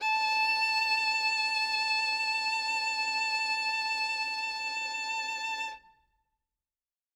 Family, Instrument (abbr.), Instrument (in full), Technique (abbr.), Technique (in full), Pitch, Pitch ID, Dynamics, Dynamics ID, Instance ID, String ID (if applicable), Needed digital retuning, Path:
Strings, Vn, Violin, ord, ordinario, A5, 81, ff, 4, 2, 3, FALSE, Strings/Violin/ordinario/Vn-ord-A5-ff-3c-N.wav